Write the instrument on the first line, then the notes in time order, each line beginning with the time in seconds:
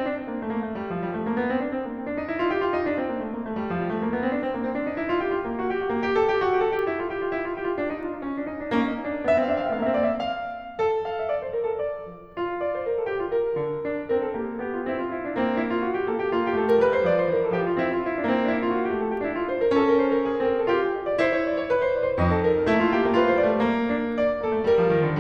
piano
0.00 C4
0.10 D4
0.23 C4
0.33 A#3
0.43 A3
0.53 A#3
0.65 A3
0.78 G3
0.93 F3
1.04 G3
1.20 A3
1.32 A#3
1.43 B3
1.53 C4
1.63 D4
1.75 C4
1.89 A#3
1.96 C4
2.07 D4
2.17 D#4
2.29 E4
2.45 F4
2.58 G4
2.65 F4
2.76 D#4
2.90 D4
3.02 C4
3.13 A#3
3.24 A3
3.36 A#3
3.45 A3
3.58 G3
3.69 F3
3.78 G3
3.92 A3
4.01 A#3
4.18 B3
4.27 C4
4.33 D4
4.46 C4
4.55 A#3
4.64 C4
4.75 D4
4.84 D#4
4.99 E4
5.09 F4
5.19 G4
5.29 F4
5.54 A#3
5.64 F#4
5.76 G4
5.89 F#4
5.99 A#3
6.07 G4
6.25 A4
6.34 G4
6.46 F#4
6.57 G4
6.70 A4
6.80 G4
6.91 E4
7.01 F4
7.13 G4
7.22 F4
7.35 E4
7.45 F4
7.58 G4
7.69 F4
7.79 D4
7.89 D#4
8.03 F4
8.13 D#4
8.24 C#4
8.36 D4
8.49 D#4
8.59 D4
8.73 A#3 C#4
8.85 D4
9.01 D#4
9.11 D4
9.23 B3 E5
9.28 F5
9.32 C4 E5
9.40 F5
9.47 D4 E5
9.52 F5
9.58 C4 E5
9.64 F5
9.69 A3 E5
9.75 F5
9.80 A#3 E5
9.85 F5
9.90 C4 E5
9.98 F5
10.03 A#3 D5
10.15 E5
10.36 F5
10.61 A3
10.82 A4
11.09 F5
11.19 E5
11.32 D5
11.44 C5
11.53 A#4
11.62 A4
11.71 D5
12.12 F3
12.38 F4
12.65 D5
12.77 C5
12.89 A#4
12.98 A4
13.08 G4
13.20 F4
13.34 A#4
13.58 D3
13.86 D4
14.12 C4 A#4
14.22 A4
14.32 A#3 G4
14.43 A4
14.56 B3 G4
14.77 F4
14.88 C4 E4
14.98 F4
15.07 E4
15.20 D4
15.36 A#3 C4
15.46 D4
15.59 E4
15.70 F4
15.86 F#4
15.95 G4
16.10 A#3 A4
16.21 G4
16.35 A#3 F4
16.49 G4
16.59 A3 A4
16.72 A#4
16.83 G3 B4
16.93 C5
17.08 F3 D5
17.23 C5
17.36 E3 A#4
17.50 A4
17.62 F3 G4
17.71 F4
17.89 C4 E4
17.98 F4
18.10 E4
18.20 D4
18.31 A#3 C4
18.46 D4
18.54 E4
18.70 F4
18.81 F#4
18.92 G4
19.03 A3 A4
19.14 F4
19.27 D4 E4
19.39 F4
19.50 C5
19.63 A#4
19.77 C#4 A4
19.89 A#4
20.03 C5
20.13 A#4
20.22 G#4
20.38 A4
20.49 C4 A#4
20.58 A4
20.69 F4 G4
20.81 G#4
20.93 D#5
21.10 D5
21.20 E4 C5
21.36 C#5
21.50 D5
21.63 C#5
21.75 B4
21.86 C5
21.98 D#4 D5
22.07 C5
22.19 F2 D#4 G#4
22.29 A4
22.44 A#4
22.53 A4
22.66 A3 E4
22.71 A#3
22.78 A3 F4
22.83 A#3
22.91 A3 G4
22.99 A#3
23.03 A3 F4
23.09 A#3
23.14 A3 F4 B4
23.20 A#3
23.27 A3 C5
23.31 A#3
23.37 A3 D5
23.43 A#3
23.48 G3 C5
23.53 A3
23.58 A#3
23.82 D4
24.11 D5
24.45 A#3 A4
24.57 A3
24.72 G3 A#4
24.82 F3
24.96 D#3
25.11 D3